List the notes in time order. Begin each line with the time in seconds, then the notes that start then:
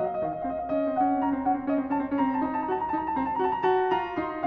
0.00 F#3 F5
0.07 D#5
0.16 F5
0.22 D#3 D#5
0.29 F5
0.39 D#5
0.44 C4
0.50 F5
0.60 D#5
0.70 C#4 F5
0.81 C4 D#5
0.93 C#4
1.00 C4 F#5
1.09 C#4
1.16 C4
1.22 C#4 A#5
1.34 C4
1.44 C#4 F#5
1.53 C4
1.63 C#4
1.71 C4 D#5
1.81 C#4
1.90 C4
1.99 C#4 A5
2.09 C4
2.16 C#4
2.21 A#5
2.28 C4
2.33 A5
2.41 A#5
2.46 D#4 A5
2.59 A#5
2.69 F#4 A5
2.79 A#5
2.87 A5
2.95 D#4 A#5
3.03 A5
3.11 A#5
3.18 C4 A5
3.29 A#5
3.36 A5
3.40 F#4 A#5
3.54 A5
3.62 F#4 A#5
3.72 A5
3.91 F4 A#5
4.19 D#4 C6